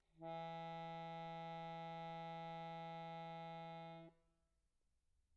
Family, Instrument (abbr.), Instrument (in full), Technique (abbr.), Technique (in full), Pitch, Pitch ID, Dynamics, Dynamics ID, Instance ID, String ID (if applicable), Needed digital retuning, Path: Keyboards, Acc, Accordion, ord, ordinario, E3, 52, pp, 0, 1, , FALSE, Keyboards/Accordion/ordinario/Acc-ord-E3-pp-alt1-N.wav